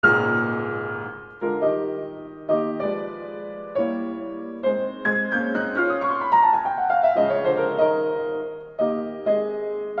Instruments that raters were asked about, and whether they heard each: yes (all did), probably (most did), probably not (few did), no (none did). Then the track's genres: drums: no
piano: yes
banjo: no
bass: no
Classical